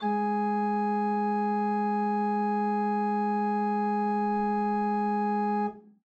<region> pitch_keycenter=56 lokey=56 hikey=57 volume=9.815986 ampeg_attack=0.004000 ampeg_release=0.300000 amp_veltrack=0 sample=Aerophones/Edge-blown Aerophones/Renaissance Organ/Full/RenOrgan_Full_Room_G#2_rr1.wav